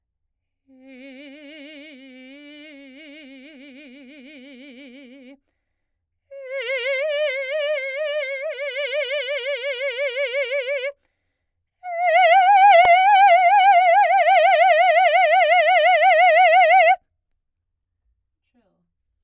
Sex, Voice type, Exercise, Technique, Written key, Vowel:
female, soprano, long tones, trill (upper semitone), , e